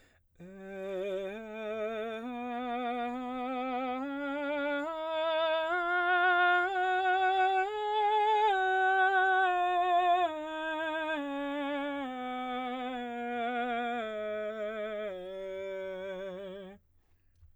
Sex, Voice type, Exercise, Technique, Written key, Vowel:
male, baritone, scales, slow/legato piano, F major, e